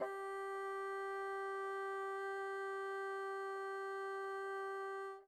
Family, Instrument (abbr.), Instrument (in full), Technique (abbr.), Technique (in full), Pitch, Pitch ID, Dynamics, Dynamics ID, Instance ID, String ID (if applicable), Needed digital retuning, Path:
Winds, Bn, Bassoon, ord, ordinario, G4, 67, mf, 2, 0, , FALSE, Winds/Bassoon/ordinario/Bn-ord-G4-mf-N-N.wav